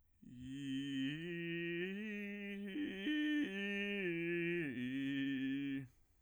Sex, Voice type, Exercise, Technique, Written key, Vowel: male, bass, arpeggios, vocal fry, , i